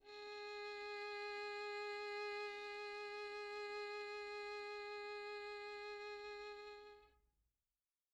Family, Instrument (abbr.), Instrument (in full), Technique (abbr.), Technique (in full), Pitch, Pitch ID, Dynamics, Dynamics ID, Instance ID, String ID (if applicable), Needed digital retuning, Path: Strings, Vn, Violin, ord, ordinario, G#4, 68, pp, 0, 2, 3, FALSE, Strings/Violin/ordinario/Vn-ord-G#4-pp-3c-N.wav